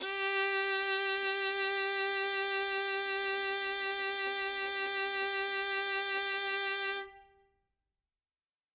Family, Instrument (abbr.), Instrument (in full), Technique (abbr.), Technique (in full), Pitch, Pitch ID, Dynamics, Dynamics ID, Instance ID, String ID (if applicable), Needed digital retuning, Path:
Strings, Vn, Violin, ord, ordinario, G4, 67, ff, 4, 2, 3, FALSE, Strings/Violin/ordinario/Vn-ord-G4-ff-3c-N.wav